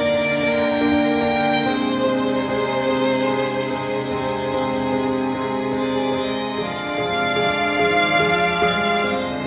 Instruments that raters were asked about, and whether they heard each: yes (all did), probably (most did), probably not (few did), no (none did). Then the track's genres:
cello: yes
violin: yes
Pop; Electronic; Folk; Indie-Rock